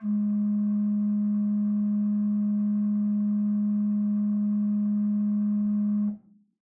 <region> pitch_keycenter=44 lokey=44 hikey=45 ampeg_attack=0.004000 ampeg_release=0.300000 amp_veltrack=0 sample=Aerophones/Edge-blown Aerophones/Renaissance Organ/4'/RenOrgan_4foot_Room_G#1_rr1.wav